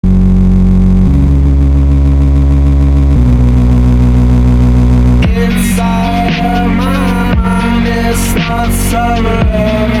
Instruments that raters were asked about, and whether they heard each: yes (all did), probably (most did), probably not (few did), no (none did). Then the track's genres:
bass: no
Hip-Hop